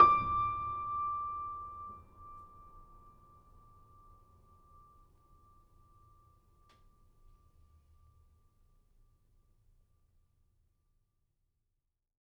<region> pitch_keycenter=86 lokey=86 hikey=87 volume=-2.183171 lovel=0 hivel=65 locc64=65 hicc64=127 ampeg_attack=0.004000 ampeg_release=0.400000 sample=Chordophones/Zithers/Grand Piano, Steinway B/Sus/Piano_Sus_Close_D6_vl2_rr1.wav